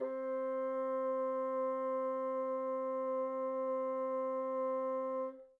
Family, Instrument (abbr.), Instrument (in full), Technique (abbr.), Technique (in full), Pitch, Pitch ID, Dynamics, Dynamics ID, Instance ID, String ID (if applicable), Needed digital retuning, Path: Winds, Bn, Bassoon, ord, ordinario, C4, 60, mf, 2, 0, , FALSE, Winds/Bassoon/ordinario/Bn-ord-C4-mf-N-N.wav